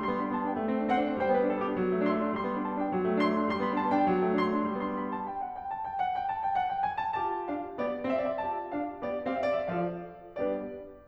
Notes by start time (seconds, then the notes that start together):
0.00 G3 C6
0.07 B3
0.12 B5
0.17 D4
0.28 B3 A5
0.41 D4 G5
0.48 B3
0.57 G3
0.68 C4
0.77 D4
0.87 C4 C5 F#5
0.96 D4
1.08 C4
1.17 G3 C5 G5
1.28 B3
1.32 B4
1.37 D4
1.49 B3 A4
1.60 D4
1.65 G4
1.71 B3
1.80 F#3
1.89 A3
1.99 D4
2.09 A3 C6
2.21 D4
2.30 A3
2.37 G3 C6
2.44 B3
2.48 B5
2.53 D4
2.68 B3 A5
2.77 D4
2.82 B3 G5
2.91 F#3
3.01 A3
3.13 D4
3.23 A3 C6
3.31 D4
3.41 A3
3.49 G3 C6
3.60 B3 B5
3.69 D4
3.78 B3 A5
3.90 D4
3.95 G5
4.01 B3
4.12 F#3
4.23 A3
4.31 D4
4.40 A3 C6
4.53 D4
4.61 A3
4.73 G3 B3 D4 C6
4.91 B5
5.13 A5
5.28 G5
5.43 F#5
5.58 G5
5.72 A5
5.87 G5
6.00 F#5
6.16 G5
6.29 A5
6.43 G5
6.58 F#5
6.76 G5
6.86 G#5
7.02 A5
7.19 F4 G4 A5
7.45 D4 F5
7.76 B3 G4 D5
8.07 C4 G4 F5
8.15 E5
8.23 D5
8.32 E5
8.44 F4 G4 A5
8.72 D4 F5
9.02 B3 G4 D5
9.32 C4 G4 F5
9.39 E5
9.49 D5
9.58 E5
9.69 F3 F4 A4 D5 F5
10.34 G3 B3 D4 G4 B4 D5